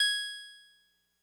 <region> pitch_keycenter=80 lokey=79 hikey=82 tune=-1 volume=6.378813 lovel=100 hivel=127 ampeg_attack=0.004000 ampeg_release=0.100000 sample=Electrophones/TX81Z/Clavisynth/Clavisynth_G#4_vl3.wav